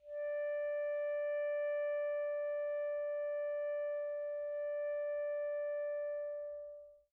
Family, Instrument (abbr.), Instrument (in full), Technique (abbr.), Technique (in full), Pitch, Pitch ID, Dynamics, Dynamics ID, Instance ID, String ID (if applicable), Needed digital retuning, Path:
Winds, ASax, Alto Saxophone, ord, ordinario, D5, 74, pp, 0, 0, , FALSE, Winds/Sax_Alto/ordinario/ASax-ord-D5-pp-N-N.wav